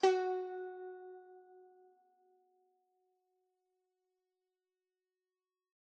<region> pitch_keycenter=66 lokey=65 hikey=67 volume=7.970867 offset=125 lovel=66 hivel=99 ampeg_attack=0.004000 ampeg_release=0.300000 sample=Chordophones/Zithers/Dan Tranh/Normal/F#3_f_1.wav